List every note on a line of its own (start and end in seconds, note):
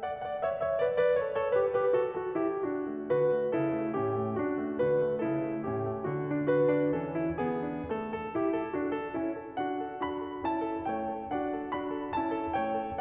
0.00 0.26 D5
0.00 0.26 F#5
0.26 0.43 D5
0.26 0.43 F#5
0.44 0.68 C#5
0.44 0.68 E5
0.68 0.81 C#5
0.68 0.81 E5
0.82 0.96 B4
0.82 0.96 D5
0.98 1.20 B4
0.98 1.20 D5
1.20 1.37 A4
1.20 1.37 C#5
1.38 1.56 A4
1.38 1.56 C#5
1.58 1.74 G4
1.58 1.74 B4
1.74 1.90 G4
1.74 1.90 B4
1.92 2.14 F#4
1.92 2.14 A4
2.14 2.38 F#4
2.14 2.38 A4
2.38 2.62 E4
2.38 2.62 G4
2.64 3.07 D4
2.64 3.07 F#4
2.84 3.07 A3
3.10 3.32 D3
3.10 3.52 F#4
3.10 3.52 B4
3.33 3.52 A3
3.52 3.74 C#3
3.52 3.92 E4
3.52 3.92 A4
3.75 3.92 A3
3.95 4.19 A2
3.95 4.38 C#4
3.95 4.38 G4
4.19 4.38 A3
4.39 4.76 D4
4.39 4.76 F#4
4.56 4.76 A3
4.76 4.97 D3
4.76 5.22 F#4
4.76 5.22 B4
4.98 5.22 A3
5.22 5.49 C#3
5.22 5.67 E4
5.22 5.67 A4
5.49 5.67 A3
5.68 5.85 A2
5.68 6.05 C#4
5.68 6.05 G4
5.85 6.05 A3
6.06 6.91 D3
6.06 6.50 F#4
6.30 6.50 D4
6.50 6.66 F#4
6.50 6.91 B4
6.68 6.91 D4
6.92 7.88 E3
6.92 7.16 C#4
6.92 7.40 A4
7.16 7.40 E4
7.41 7.63 B3
7.41 7.88 G#4
7.64 7.88 D4
7.88 8.16 A3
7.88 8.36 A4
8.17 8.36 A4
8.37 8.56 E4
8.37 8.56 G4
8.56 8.75 A4
8.77 9.01 D4
8.77 9.01 F#4
9.01 9.18 A4
9.20 9.38 C#4
9.20 9.38 E4
9.39 9.56 A4
9.56 9.81 D4
9.56 9.81 F#4
9.56 10.03 F#5
9.82 10.03 A4
10.04 10.26 D4
10.04 10.26 F#4
10.04 10.46 B5
10.26 10.46 A4
10.48 10.68 C#4
10.48 10.68 E4
10.48 10.88 A5
10.69 10.88 A4
10.88 11.06 A3
10.88 11.06 E4
10.88 11.27 C#5
10.88 11.27 G5
11.09 11.27 A4
11.28 11.53 D4
11.28 11.53 F#4
11.28 11.69 F#5
11.53 11.69 A4
11.70 11.92 D4
11.70 11.92 F#4
11.70 12.14 B5
11.92 12.14 A4
12.14 12.38 C#4
12.14 12.38 E4
12.14 12.55 A5
12.39 12.55 A4
12.55 12.78 A3
12.55 12.78 E4
12.55 13.00 C#5
12.55 13.00 G5
12.81 13.00 A4